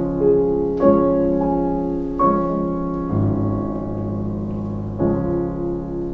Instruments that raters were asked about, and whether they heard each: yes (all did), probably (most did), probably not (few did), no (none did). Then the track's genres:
piano: yes
Classical